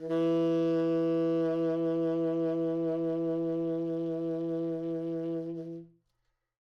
<region> pitch_keycenter=52 lokey=52 hikey=53 volume=12.647922 offset=3903 ampeg_attack=0.004000 ampeg_release=0.500000 sample=Aerophones/Reed Aerophones/Tenor Saxophone/Vibrato/Tenor_Vib_Main_E2_var2.wav